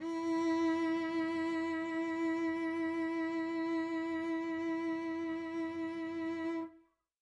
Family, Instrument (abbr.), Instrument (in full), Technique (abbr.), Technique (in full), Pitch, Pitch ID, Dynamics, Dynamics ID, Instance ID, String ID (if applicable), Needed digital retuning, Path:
Strings, Vc, Cello, ord, ordinario, E4, 64, mf, 2, 2, 3, FALSE, Strings/Violoncello/ordinario/Vc-ord-E4-mf-3c-N.wav